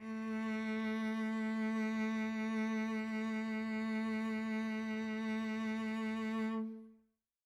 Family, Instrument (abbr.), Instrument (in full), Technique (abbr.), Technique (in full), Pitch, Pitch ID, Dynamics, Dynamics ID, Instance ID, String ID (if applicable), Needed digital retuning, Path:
Strings, Vc, Cello, ord, ordinario, A3, 57, mf, 2, 1, 2, FALSE, Strings/Violoncello/ordinario/Vc-ord-A3-mf-2c-N.wav